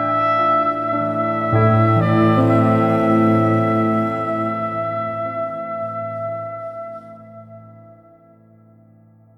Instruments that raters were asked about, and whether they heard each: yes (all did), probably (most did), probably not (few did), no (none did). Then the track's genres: trombone: probably not
clarinet: no
trumpet: probably not
Pop; Electronic; New Age; Instrumental